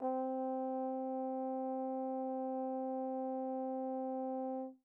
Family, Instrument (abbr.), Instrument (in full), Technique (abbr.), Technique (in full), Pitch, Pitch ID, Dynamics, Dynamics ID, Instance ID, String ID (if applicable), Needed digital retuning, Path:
Brass, Tbn, Trombone, ord, ordinario, C4, 60, pp, 0, 0, , FALSE, Brass/Trombone/ordinario/Tbn-ord-C4-pp-N-N.wav